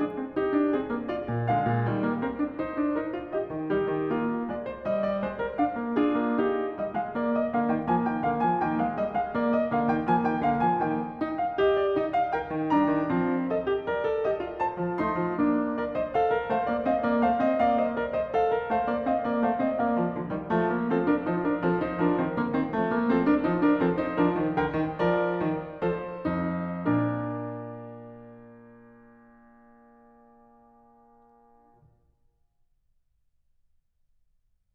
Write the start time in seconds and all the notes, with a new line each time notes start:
0.00 D4 G#4
0.22 C4
0.41 D#4 G4
0.55 D4
0.73 C4 G#4
0.96 A#3
1.10 F4 D5
1.31 A#2
1.50 D3 G#3 F5
1.68 A#2
1.89 D#3 G3
2.04 A#3
2.19 C4 A#4
2.38 D4
2.59 D#4 C5
2.74 D4
2.93 D#4 A#4
3.12 F4
3.34 G4 D#5
3.51 D#3
3.72 G3 D#4 G4
3.91 D#3
4.11 A#3 F4
4.50 G#3 D5
4.67 C5
4.84 G3 D#5
5.03 D5
5.20 G#3 C5
5.40 A#4
5.57 D4 F5
5.74 A#3
5.94 D4 F4 G#4
6.16 A#3
6.39 D#4 G4
6.78 G3 D#5
6.92 G#3 F5
7.14 A#3 D5
7.30 D#5
7.51 D3 A#3 F5
7.71 D#3 G5
7.88 F3 A#3 G#5
8.08 D#3 G5
8.27 D3 A#3 F5
8.44 F3 G#5
8.61 D#3 A#3 G5
8.80 G#3 F5
8.96 G3 D#5
9.15 G#3 G5
9.32 A#3 D5
9.53 D#5
9.73 D3 A#3 F5
9.89 D#3 G5
10.07 F3 A#3 G#5
10.25 D#3 G5
10.45 D3 A#3 F5
10.65 F3 G#5
10.87 D#3 A#3 G5
11.24 D#4
11.40 F5
11.60 G4 D#5
11.81 D5
11.97 D#4 D#5
12.17 F5
12.34 A#4 G5
12.54 D#3
12.71 G3 D4 A#5
12.91 D#3
13.10 F3 C4
13.53 A4 D#5
13.68 G4
13.86 A#4 D5
14.07 A4
14.27 G4 D#5
14.44 F4
14.63 C5 A5
14.81 F3
15.00 A3 D#4 C6
15.20 F3
15.38 A#3 D4
15.77 A#4 D5
15.96 C5 D#5
16.16 A4 F5
16.31 A#4
16.49 A3 C5 F5
16.68 A#3 D5
16.85 C4 D#5 F5
17.02 A#3 D5
17.22 A3 C5 F5
17.43 C4 D#5
17.60 A#3 D5 F5
17.79 C5 D#5
17.94 A#4 D5
18.13 C5 D#5
18.37 A4 F5
18.54 A#4
18.72 A3 C5 F5
18.90 A#3 D5
19.06 C4 D#5 F5
19.26 A#3 D5
19.46 A3 C5 F5
19.61 C4 D#5
19.80 A#3 D5 F5
19.96 F3
20.15 D3 F3
20.32 D#3 G3
20.50 F3 A3
20.69 A#3
20.85 F3 C4 A4
21.06 D4 A#4
21.28 F3 D#4 C5
21.44 D4 A#4
21.62 F3 C4 A4
21.80 D#4 C5
21.97 F3 D4 A#4
22.18 D#3 C4
22.33 D3 A#3
22.51 D#3 C4
22.70 F3 A3
22.86 A#3
23.06 F3 C4 A4
23.21 D4 A#4
23.44 F3 D#4 C5
23.60 D4 A#4
23.82 F3 C4 A4
24.00 D#4 C5
24.16 F3 D4 A#4
24.40 D#3
24.58 D3 A#4 G5
24.78 D#3
25.02 F3 A#4 D5
25.41 D#3
25.79 F3 A4 C5
26.24 F2 D#4
26.88 A#2 D4 A#4